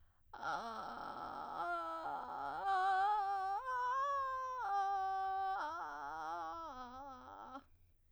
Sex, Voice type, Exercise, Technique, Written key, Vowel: female, soprano, arpeggios, vocal fry, , a